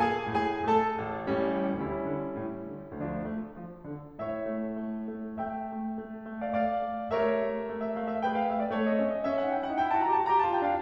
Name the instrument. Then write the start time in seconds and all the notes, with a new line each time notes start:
piano
0.00 A#3 G#4 G#5
0.29 A2 G#4 G#5
0.64 A3 A4 A5
0.98 A1
1.30 A2 G3 C#4
1.65 D2 G3 C#4 E4
1.95 D3
2.24 A2
2.60 D3
2.93 D2 F3 A3 D4
3.20 A3
3.51 F3
3.84 D3
4.16 A1 A2 C#5 E5
4.47 A3
4.77 A3
5.09 A3
5.41 A3 E5 G5
5.70 A3
6.00 A3
6.27 A3
6.41 D5 F5
6.56 A3 D5 F5
6.85 A3
7.12 A3 G4 A#4 C#5 E5
7.42 A3
7.66 A3
7.80 E5
7.95 A3 F5
8.08 E5
8.24 A3 G#4 B4 G5
8.39 F5
8.54 A3 E5
8.64 D5
8.77 A3 A4 C#5
8.89 C4 D#5
9.04 C#4 E5
9.17 C4 D#5
9.25 C#4 E5
9.38 D#4 F#5
9.54 E4 G5
9.66 D#4 F#5
9.80 E4 G5
9.90 F#4 A5
10.03 G4 A#5
10.16 F#4 A5
10.31 G4 A#5
10.43 F4 A5
10.52 E4 G5
10.65 D4